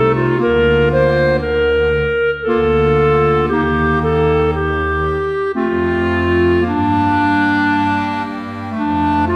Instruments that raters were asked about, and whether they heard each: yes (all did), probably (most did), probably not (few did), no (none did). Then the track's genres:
trombone: probably not
cymbals: no
trumpet: probably
clarinet: yes
organ: probably
accordion: probably
Classical